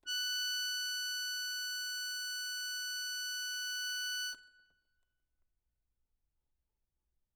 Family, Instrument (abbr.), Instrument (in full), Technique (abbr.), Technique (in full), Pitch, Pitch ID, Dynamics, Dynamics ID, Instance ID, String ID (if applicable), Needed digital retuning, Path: Keyboards, Acc, Accordion, ord, ordinario, F#6, 90, ff, 4, 0, , FALSE, Keyboards/Accordion/ordinario/Acc-ord-F#6-ff-N-N.wav